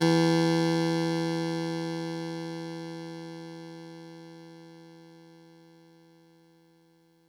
<region> pitch_keycenter=40 lokey=39 hikey=42 volume=6.376762 offset=39 lovel=100 hivel=127 ampeg_attack=0.004000 ampeg_release=0.100000 sample=Electrophones/TX81Z/Clavisynth/Clavisynth_E1_vl3.wav